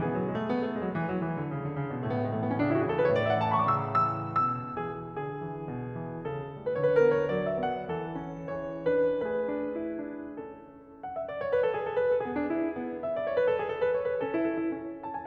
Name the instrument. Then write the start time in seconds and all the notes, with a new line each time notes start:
piano
0.00 E3 B3 G#4
0.12 F#3
0.24 G#3
0.36 A3
0.50 B3
0.62 A3
0.74 G#3
0.86 F#3
0.98 E3
1.10 F#3
1.29 E3
1.39 D3
1.50 C#3
1.63 D3
1.75 C#3
1.92 B2
2.05 A2 A3
2.10 B3
2.16 A3
2.24 G#3
2.36 E3
2.43 B3
2.50 C#4
2.57 D4
2.62 C#3 E4
2.71 F#4
2.79 G#4
2.93 A4
2.98 E3 B4
3.04 C#5
3.10 D5
3.16 E5
3.22 A2 F#5
3.31 G#5
3.40 A5
3.51 E3 B5
3.59 C#6
3.67 D6
3.76 C#3 E6
4.05 E3 E6
4.39 B2 E6
4.78 E3 G#4
5.11 D3 G#4
5.38 E3
5.71 B2
5.97 E3
6.21 C#3 A4
6.46 A3
6.69 D3 B4
6.85 C#5
6.90 B4
6.94 A#4
6.99 B3 B4
7.14 C#5
7.29 F#3 D5
7.49 E5
7.59 B3
7.69 F#5
7.91 E3 A4
8.16 C#4
8.49 E3 G#4 C#5
8.80 D4 B4
9.21 A3 G#4 B4
9.54 D4
9.83 E4
10.10 D4
10.46 C#4 A4
11.03 F#5
11.15 E5
11.28 D5
11.40 C#5
11.52 B4
11.62 A4
11.71 G#4
11.78 A4
11.92 B4
12.04 A4
12.20 B3 G#4
12.34 D4
12.48 E4
12.61 D4
12.72 B3
13.00 E5
13.12 D5
13.21 C#5
13.33 B4
13.43 A4
13.55 G#4
13.68 A4
13.79 B4
13.90 C#5
14.02 B4
14.15 C#4 A4
14.28 E4
14.44 A4
14.57 E4
14.72 C#4
15.03 A5
15.15 G#5